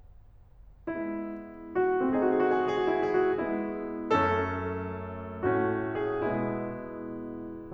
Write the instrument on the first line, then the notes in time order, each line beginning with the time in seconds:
piano
0.85 G#3 B3 E4
1.78 F#4
2.06 A3 C4 G#4
2.10 F#4
2.18 G#4
2.27 F#4
2.31 G#4
2.36 F#4
2.41 G#4
2.45 F#4
2.52 G#4
2.57 F#4
2.67 G#4
2.72 F#4
2.77 G#4
2.83 F#4
2.88 G#4
2.93 F#4
2.99 F#4 G#4
3.07 E4
3.18 G#4
3.28 F#4
3.44 G#3 B3 E4
4.12 F#2 A3 C#4 A4
5.42 A2 A3 C#4 F#4
6.03 G#4
6.24 B2 G#3 B3 E4